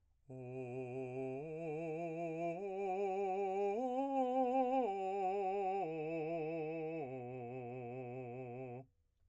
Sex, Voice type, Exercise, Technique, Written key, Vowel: male, , arpeggios, slow/legato piano, C major, o